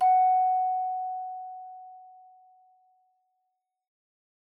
<region> pitch_keycenter=78 lokey=78 hikey=79 tune=-4 volume=5.779198 offset=135 ampeg_attack=0.004000 ampeg_release=30.000000 sample=Idiophones/Struck Idiophones/Hand Chimes/sus_F#4_r01_main.wav